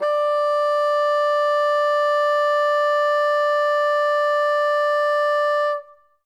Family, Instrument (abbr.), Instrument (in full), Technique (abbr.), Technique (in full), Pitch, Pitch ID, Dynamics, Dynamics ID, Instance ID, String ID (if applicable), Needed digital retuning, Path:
Winds, Bn, Bassoon, ord, ordinario, D5, 74, ff, 4, 0, , FALSE, Winds/Bassoon/ordinario/Bn-ord-D5-ff-N-N.wav